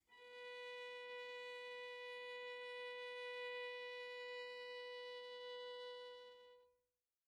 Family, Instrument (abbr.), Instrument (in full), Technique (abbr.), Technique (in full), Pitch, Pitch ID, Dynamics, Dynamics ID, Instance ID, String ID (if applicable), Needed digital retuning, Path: Strings, Va, Viola, ord, ordinario, B4, 71, pp, 0, 0, 1, FALSE, Strings/Viola/ordinario/Va-ord-B4-pp-1c-N.wav